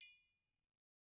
<region> pitch_keycenter=70 lokey=70 hikey=70 volume=23.387420 offset=193 lovel=0 hivel=83 seq_position=2 seq_length=2 ampeg_attack=0.004000 ampeg_release=30.000000 sample=Idiophones/Struck Idiophones/Triangles/Triangle6_HitFM_v1_rr2_Mid.wav